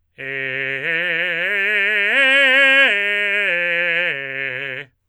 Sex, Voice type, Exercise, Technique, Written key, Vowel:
male, tenor, arpeggios, belt, , e